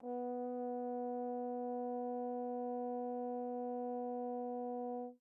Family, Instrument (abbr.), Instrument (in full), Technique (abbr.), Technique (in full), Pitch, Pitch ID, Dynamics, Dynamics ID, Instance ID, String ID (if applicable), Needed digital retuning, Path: Brass, Tbn, Trombone, ord, ordinario, B3, 59, pp, 0, 0, , FALSE, Brass/Trombone/ordinario/Tbn-ord-B3-pp-N-N.wav